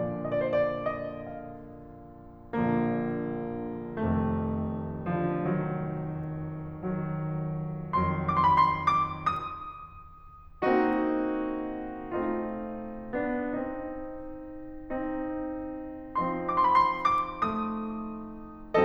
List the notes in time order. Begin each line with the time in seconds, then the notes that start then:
0.01 A#2 D3 F3 D5
0.76 D#5
0.82 C5 D5
0.91 D5
1.07 D#5
1.24 F5
2.55 A#1 A#2 D3 F3 A#3
3.94 F1 F2 C3 D#3 A3
5.11 D3 F3
5.42 D#3 F#3
6.69 D#3 F#3
7.81 F2 D#3 F#3 C6
8.46 D6
8.52 C6
8.56 B5
8.76 C6
8.99 D6
9.18 D#6
10.66 A#3 C4 D#4 F#4
12.13 A3 C4 D#4 F4
13.19 A#3 D4
13.46 C4 D#4
14.70 D#4
16.07 F3 C4 D#4 C6
16.88 D6
16.93 C6
16.98 B5
17.04 C6
17.34 D6
17.50 A3 D#6